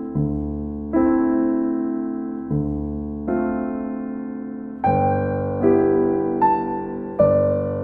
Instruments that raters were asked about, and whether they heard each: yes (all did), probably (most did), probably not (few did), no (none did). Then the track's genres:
piano: yes
Classical